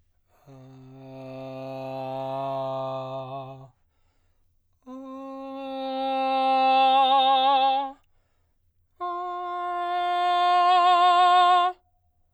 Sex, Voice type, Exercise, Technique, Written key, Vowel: male, baritone, long tones, messa di voce, , a